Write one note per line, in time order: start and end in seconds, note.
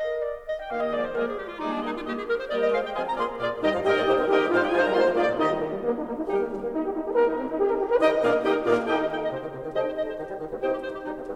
0.00 0.19 A#4
0.00 0.19 D#5
0.19 0.46 D5
0.46 0.53 D#5
0.53 0.67 G5
0.67 0.94 D#3
0.67 0.94 A#3
0.67 0.94 G4
0.67 0.94 D#5
0.67 0.80 F5
0.80 0.94 D#5
0.94 1.11 F3
0.94 1.11 G#3
0.94 1.11 A#3
0.94 1.11 G#4
0.94 0.99 D5
0.94 1.11 D5
0.99 1.11 C5
1.11 1.36 F3
1.11 1.36 G#3
1.11 1.36 A#3
1.11 1.36 G#4
1.11 1.21 A#4
1.11 1.36 D5
1.21 1.36 G#4
1.36 1.52 G4
1.52 1.58 F4
1.58 1.82 F3
1.58 1.82 G#3
1.58 1.82 A#3
1.58 1.71 D#4
1.58 1.82 G#4
1.58 1.82 D5
1.71 1.82 D4
1.82 2.07 G3
1.82 2.07 A#3
1.82 1.99 D#4
1.82 2.07 G4
1.82 2.07 D#5
1.99 2.07 F4
2.07 2.24 G3
2.07 2.24 A#3
2.07 2.10 G4
2.07 2.24 G4
2.07 2.24 G#4
2.07 2.24 D#5
2.24 2.35 A#4
2.35 2.51 C5
2.51 2.71 G3
2.51 2.71 A#3
2.51 2.71 G4
2.51 2.71 A#4
2.51 2.71 D5
2.51 2.71 D#5
2.71 2.95 G#3
2.71 2.95 F4
2.71 2.95 C5
2.71 2.95 D#5
2.71 2.82 F5
2.82 2.95 G5
2.95 3.15 F3
2.95 3.15 C4
2.95 3.15 F4
2.95 3.15 G#4
2.95 3.15 D#5
2.95 3.04 G#5
3.04 3.15 A#5
3.15 3.38 A#3
3.15 3.38 F4
3.15 3.38 G#4
3.15 3.38 D5
3.15 3.38 C6
3.38 3.58 A#2
3.38 3.58 F4
3.38 3.58 G#4
3.38 3.58 D5
3.58 3.69 D#2
3.58 3.69 D#3
3.58 3.78 G3
3.58 3.78 D#4
3.58 3.78 G4
3.58 3.78 D#5
3.58 3.69 G5
3.69 3.78 F2
3.69 3.78 F3
3.69 3.78 F5
3.78 3.89 G2
3.78 3.89 G3
3.78 3.98 D#4
3.78 3.98 G4
3.78 4.26 A#4
3.78 3.89 D#5
3.78 4.26 D#5
3.78 4.26 G5
3.89 3.99 G#2
3.89 3.99 G#3
3.89 3.99 D5
3.99 4.13 A#2
3.99 4.13 A#3
3.99 4.26 D#4
3.99 4.26 G4
3.99 4.13 C5
4.13 4.26 C3
4.13 4.26 C4
4.13 4.26 A#4
4.26 4.32 D3
4.26 4.32 D4
4.26 4.45 D#4
4.26 4.45 G4
4.26 4.32 G#4
4.26 4.45 A#4
4.26 4.45 D#5
4.26 4.45 G5
4.32 4.45 D#3
4.32 4.45 D#4
4.32 4.45 G4
4.45 4.74 G#2
4.45 4.61 G#3
4.45 4.73 D#4
4.45 4.61 F4
4.45 4.73 F4
4.45 4.74 C5
4.45 4.61 F5
4.61 4.74 G3
4.61 4.74 G4
4.61 4.74 G5
4.74 4.82 F3
4.74 4.92 D#4
4.74 4.92 F4
4.74 4.82 G#4
4.74 4.92 C5
4.74 4.82 G#5
4.82 4.92 G3
4.82 4.92 A#4
4.82 4.92 A#5
4.92 5.02 G#3
4.92 5.06 A#3
4.92 5.06 F4
4.92 5.06 C5
4.92 5.06 C6
5.02 5.06 F3
5.06 5.20 A#3
5.06 5.28 A#3
5.06 5.28 F4
5.06 5.29 G#4
5.06 5.29 D5
5.20 5.29 A#2
5.29 5.39 D#3
5.29 5.54 D#3
5.29 5.53 D#4
5.29 5.54 G4
5.29 5.54 D#5
5.39 5.53 G3
5.54 5.68 D#3
5.68 5.78 G3
5.78 5.90 A#3
5.78 6.03 A#3
5.90 6.03 D#4
6.03 6.13 A#3
6.13 6.23 D#4
6.25 6.47 D#3
6.25 6.39 G3
6.25 6.47 D#4
6.25 6.47 G4
6.25 6.47 A#4
6.39 6.47 A#3
6.47 6.63 G3
6.63 6.73 A#3
6.73 6.78 D#4
6.73 6.88 D#4
6.79 6.88 G4
6.90 7.00 D#4
7.01 7.06 G4
7.06 7.33 D#3
7.06 7.22 A#3
7.06 7.33 D#4
7.06 7.33 G4
7.06 7.33 A#4
7.22 7.33 D#4
7.33 7.45 A#3
7.45 7.53 D#4
7.55 7.65 G4
7.55 7.83 G4
7.65 7.83 A#4
7.83 7.89 G4
7.89 7.99 A#4
7.99 8.17 D#3
7.99 8.17 D#4
7.99 8.17 G4
7.99 8.17 A#4
7.99 8.17 D#5
7.99 8.17 G5
8.17 8.43 A#2
8.17 8.43 A#3
8.17 8.43 F4
8.17 8.43 G#4
8.17 8.43 A#4
8.17 8.43 D5
8.17 8.43 F5
8.43 8.61 D#3
8.43 8.61 D#4
8.43 8.61 G4
8.43 8.61 A#4
8.43 8.61 D#5
8.43 8.61 G5
8.61 8.89 A#2
8.61 8.89 A#3
8.61 8.89 F4
8.61 8.89 G#4
8.61 8.89 A#4
8.61 8.89 D5
8.61 8.89 F5
8.89 9.21 D#3
8.89 9.20 D#4
8.89 9.21 D#4
8.89 9.20 G4
8.89 9.21 G4
8.89 9.21 D#5
8.89 9.07 G5
8.89 9.21 G5
9.07 9.21 D#5
9.21 9.26 G5
9.26 9.44 C3
9.26 9.45 C5
9.26 9.30 D#5
9.44 9.56 C3
9.44 9.45 D#3
9.56 9.69 D#3
9.69 9.96 C3
9.69 9.96 G3
9.69 9.95 D#4
9.69 9.95 G4
9.69 9.96 C5
9.69 9.81 D#5
9.69 9.96 D#5
9.69 9.96 G5
9.81 9.96 C5
9.96 10.02 D#5
10.02 10.17 C5
10.17 10.29 D#3
10.17 10.37 G4
10.29 10.37 G3
10.37 10.47 D#3
10.47 10.59 G3
10.59 10.79 C3
10.59 10.79 C4
10.59 10.79 D#4
10.59 10.79 G4
10.59 10.69 C5
10.59 10.79 C5
10.59 10.79 D#5
10.59 10.79 G5
10.69 10.79 G4
10.79 10.88 C5
10.88 10.98 G4
10.98 11.10 G3
10.98 11.24 D#4
11.10 11.24 C4
11.24 11.35 G3